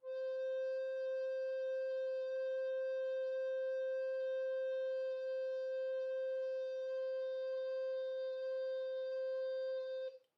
<region> pitch_keycenter=72 lokey=72 hikey=73 volume=13.783835 offset=854 ampeg_attack=0.005000 ampeg_release=0.300000 sample=Aerophones/Edge-blown Aerophones/Baroque Soprano Recorder/Sustain/SopRecorder_Sus_C4_rr1_Main.wav